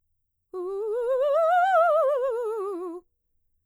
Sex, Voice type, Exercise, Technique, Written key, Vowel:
female, mezzo-soprano, scales, fast/articulated piano, F major, u